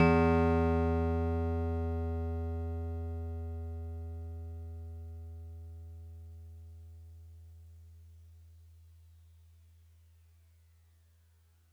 <region> pitch_keycenter=52 lokey=51 hikey=54 tune=-1 volume=10.035073 lovel=100 hivel=127 ampeg_attack=0.004000 ampeg_release=0.100000 sample=Electrophones/TX81Z/FM Piano/FMPiano_E2_vl3.wav